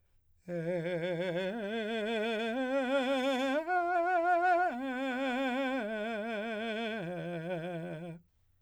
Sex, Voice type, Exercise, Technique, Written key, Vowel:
male, , arpeggios, slow/legato piano, F major, e